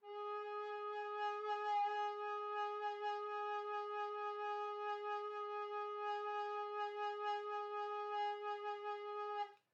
<region> pitch_keycenter=68 lokey=67 hikey=69 volume=20.467137 offset=1213 ampeg_attack=0.004000 ampeg_release=0.300000 sample=Aerophones/Edge-blown Aerophones/Baroque Alto Recorder/SusVib/AltRecorder_SusVib_G#3_rr1_Main.wav